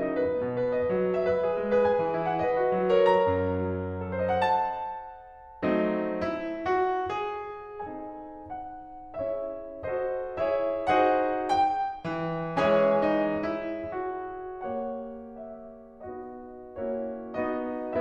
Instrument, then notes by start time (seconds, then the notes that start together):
piano
0.01 D#4 D#5
0.16 B4
0.31 B3
0.44 B2
0.60 B4
0.77 D#5
0.90 F#3
1.05 F#4
1.19 E5
1.32 B4
1.48 G#4
1.63 G#3
1.77 G#4 B4
1.89 G#5
2.03 E3
2.18 E4
2.30 F#5
2.44 B4 D#5
2.58 F#4
2.82 F#3
2.97 A#4 C#5
3.14 A#5
3.36 F#2
3.66 F#3
4.06 A4
4.15 C5
4.27 D#5
4.38 F#5
4.49 A5
5.64 F#3 A3 C4 D#4
6.17 E4
6.65 F#4
7.22 G#4
7.83 C4 D#4 A4 G#5
8.56 F#5
9.20 C#4 E4 G#4 C#5 E5
9.83 F#4 A4 C5 D#5
10.39 E4 G#4 C#5 E5
10.92 D#4 F#4 G#4 C5 F#5
11.52 G5
12.08 E3
12.59 C#3 E3 C#4 G#4 C#5 E5 G#5
13.06 D#4
13.52 E4
14.00 F#4
14.68 A#3 G4 C#5 F#5
15.24 E5
16.03 B3 D#4 F#4 D#5
16.79 A#3 C#4 E4 F#4 C#5
17.34 B3 D#4 F#4 D#5